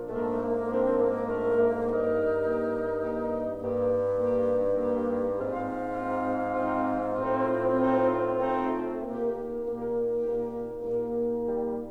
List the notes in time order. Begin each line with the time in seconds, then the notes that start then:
0.00 G#2 A3 A#3 D4 F4 A#4
0.24 A#3
0.48 A#3 C4 D4 F4 A#4
0.80 A#3
1.02 A3 A#3 D4 F4 A#4
1.35 A#3
1.60 G2 A#3 D#4 G4 A#4
2.21 A#3 D#4 G4
2.83 A#3 D#4 G4
3.39 G2 A#3 D#4 G4
4.03 A#3 D#4 G4
4.52 A#3 D#4 G4
5.39 G#2 C4 D#4 F4 F5
6.35 C4 D#4 F4
6.88 C4 D#4 F4
7.59 A2 C4 D#4 F4
8.24 C4 D#4 F4
8.67 A3 C4 D#4 F4
9.09 A#2 A#3 D#4 G4
9.62 A#2 A#3 D#4 G4 A#4
10.03 A#2 A#3 D#4 G4 A#4
10.54 A#2 A#3 D#4 G4 A#4
11.12 G3